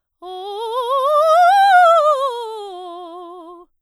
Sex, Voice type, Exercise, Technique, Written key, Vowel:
female, soprano, scales, fast/articulated forte, F major, o